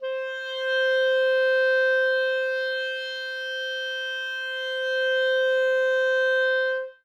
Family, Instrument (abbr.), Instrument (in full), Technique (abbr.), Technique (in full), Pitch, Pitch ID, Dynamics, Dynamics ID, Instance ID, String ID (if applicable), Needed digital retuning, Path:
Winds, ClBb, Clarinet in Bb, ord, ordinario, C5, 72, ff, 4, 0, , FALSE, Winds/Clarinet_Bb/ordinario/ClBb-ord-C5-ff-N-N.wav